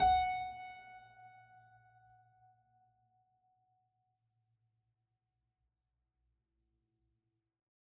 <region> pitch_keycenter=78 lokey=78 hikey=79 volume=-0.806964 trigger=attack ampeg_attack=0.004000 ampeg_release=0.400000 amp_veltrack=0 sample=Chordophones/Zithers/Harpsichord, French/Sustains/Harpsi2_Normal_F#4_rr1_Main.wav